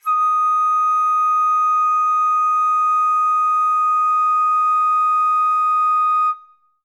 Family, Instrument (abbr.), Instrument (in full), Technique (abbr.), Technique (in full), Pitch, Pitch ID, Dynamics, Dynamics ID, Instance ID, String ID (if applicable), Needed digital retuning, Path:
Winds, Fl, Flute, ord, ordinario, D#6, 87, ff, 4, 0, , TRUE, Winds/Flute/ordinario/Fl-ord-D#6-ff-N-T16d.wav